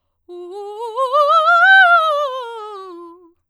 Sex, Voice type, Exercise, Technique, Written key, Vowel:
female, soprano, scales, fast/articulated forte, F major, u